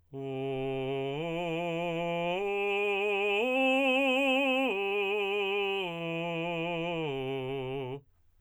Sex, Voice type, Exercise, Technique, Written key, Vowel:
male, tenor, arpeggios, slow/legato forte, C major, u